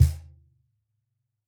<region> pitch_keycenter=62 lokey=62 hikey=62 volume=-2.760133 lovel=66 hivel=99 seq_position=1 seq_length=2 ampeg_attack=0.004000 ampeg_release=30.000000 sample=Idiophones/Struck Idiophones/Cajon/Cajon_hit3_mp_rr2.wav